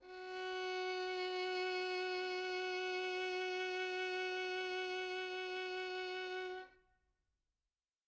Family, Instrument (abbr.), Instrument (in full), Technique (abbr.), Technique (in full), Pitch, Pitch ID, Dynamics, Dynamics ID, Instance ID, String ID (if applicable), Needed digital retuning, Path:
Strings, Vn, Violin, ord, ordinario, F#4, 66, mf, 2, 3, 4, FALSE, Strings/Violin/ordinario/Vn-ord-F#4-mf-4c-N.wav